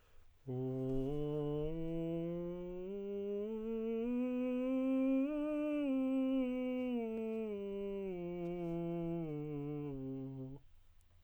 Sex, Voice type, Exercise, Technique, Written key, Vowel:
male, tenor, scales, straight tone, , u